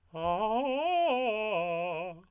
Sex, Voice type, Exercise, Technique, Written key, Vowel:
male, tenor, arpeggios, fast/articulated piano, F major, a